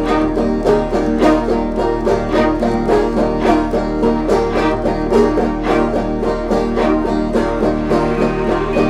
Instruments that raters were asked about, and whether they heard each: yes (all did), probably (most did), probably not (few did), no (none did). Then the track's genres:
synthesizer: no
organ: no
piano: no
banjo: yes
Folk